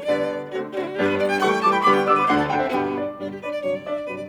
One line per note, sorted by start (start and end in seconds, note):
0.00 0.48 D3
0.00 0.48 G3
0.00 0.48 B3
0.00 0.48 G4
0.00 0.48 B4
0.00 0.48 D5
0.48 0.70 D3
0.48 0.70 A3
0.48 0.70 C4
0.48 0.70 D4
0.48 0.63 F#4
0.70 0.94 D3
0.70 0.94 A3
0.70 0.94 C4
0.70 0.94 D4
0.70 0.74 F#4
0.74 0.81 F#4
0.74 0.78 G4
0.81 0.87 E4
0.87 0.94 F#4
0.94 1.39 G2
0.94 1.39 G3
0.94 1.39 B3
0.94 1.39 D4
0.94 1.06 G4
1.06 1.16 B4
1.16 1.30 D5
1.30 1.40 G5
1.40 1.60 E3
1.40 1.60 G3
1.40 1.60 A3
1.40 1.51 F#5
1.40 1.60 C#6
1.51 1.59 G5
1.60 1.83 E3
1.60 1.83 G3
1.60 1.83 A3
1.60 1.70 A5
1.60 1.75 C#6
1.68 1.80 G5
1.68 1.83 D6
1.76 1.83 C#6
1.85 2.05 D3
1.85 2.05 G3
1.85 2.05 B3
1.85 1.95 B5
1.85 2.05 D6
1.95 2.02 G5
2.05 2.28 D3
2.05 2.28 G3
2.05 2.28 B3
2.05 2.14 D5
2.05 2.21 D6
2.12 2.25 B4
2.12 2.28 E6
2.21 2.36 D6
2.29 2.48 D2
2.29 2.48 D3
2.29 2.39 C5
2.29 2.48 F#5
2.39 2.46 A4
2.50 2.72 D2
2.50 2.72 D3
2.50 2.58 F#4
2.50 2.64 F#5
2.57 2.72 G5
2.61 2.69 C4
2.61 2.72 F#5
2.73 2.96 G2
2.73 2.96 B2
2.73 2.96 D3
2.73 2.96 G3
2.73 2.96 B3
2.73 2.96 G5
2.96 3.19 D4
2.96 3.19 D5
3.20 3.39 G2
3.20 3.39 B2
3.20 3.39 D3
3.20 3.39 G3
3.20 3.29 D4
3.29 3.39 G4
3.39 3.60 D4
3.39 3.51 B4
3.39 3.60 D5
3.51 3.61 D5
3.61 3.82 G2
3.61 3.82 C3
3.61 3.82 D3
3.61 3.82 F#3
3.61 3.72 C#5
3.72 3.82 D5
3.82 4.05 D4
3.82 4.05 D5
3.82 3.92 E5
3.92 4.06 D5
4.06 4.30 G2
4.06 4.30 C3
4.06 4.30 D3
4.06 4.30 F#3
4.06 4.18 B4
4.18 4.30 D5